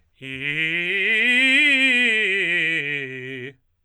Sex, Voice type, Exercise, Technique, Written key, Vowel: male, tenor, scales, fast/articulated forte, C major, i